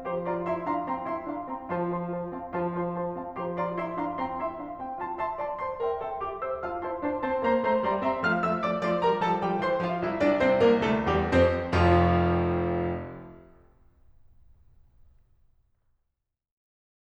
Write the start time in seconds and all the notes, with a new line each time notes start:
0.00 F3 G4 C5 A#5 C6
0.24 F4 D5 A#5 C6
0.46 E4 E5 A#5 C6
0.65 D4 F5 A#5 C6
0.86 C4 G5 A#5 C6
1.06 E4 E5 A#5 C6
1.25 D4 F5 A#5 C6
1.47 C4 G5 A#5 C6
1.66 F3 F4 C5 A5 C6
1.88 F4 C5 A5 C6
2.11 F4 C5 A5 C6
2.29 C4 F5 A5 C6
2.51 F3 F4 C5 A5 C6
2.82 F4 C5 A5 C6
3.03 F4 C5 A5 C6
3.17 C4 F5 A5 C6
3.38 F3 G4 C5 A#5 C6
3.56 F4 D5 A#5 C6
3.76 E4 E5 A#5 C6
3.98 D4 F5 A#5 C6
4.17 C4 G5 A#5 C6
4.37 E4 E5 A#5 C6
4.56 D4 F5 A#5 C6
4.78 C4 G5 A#5 C6
4.97 F4 F5 A5 C6
5.13 E5 A5 C6
5.33 D5 A5 C6
5.56 C5 A5 C6
5.79 A#4 E5 G5 C6
6.00 A4 E5 G5 C6
6.22 G4 E5 G5 D6
6.41 C5 E5 G5 E6
6.59 F4 F5 A5 F6
6.82 E4 C5 A5 C6
7.01 D4 C5 A5 C6
7.21 C4 C5 A5 C6
7.44 A#3 C5 A#5 C6
7.65 A3 C5 A#5 C6
7.87 G3 D5 A#5 C6
8.02 C4 E5 A#5 C6
8.22 F3 A3 F5 F6
8.38 F3 A3 E5 E6
8.65 F3 A3 D5 D6
8.85 F3 A3 C5 C6
9.04 F3 G3 A#4 A#5
9.22 F3 G3 A4 A5
9.42 E3 G3 G4 G5
9.61 E3 G3 C5 C6
9.80 F3 F4 F5
10.04 C2 E4 E5
10.23 C2 D4 D5
10.38 C2 C4 C5
10.58 C2 A#3 A#4
10.80 C2 A3 A4
11.03 D2 G3 G4
11.28 E2 C4 C5
11.67 F1 F2 F3 F4
15.81 F4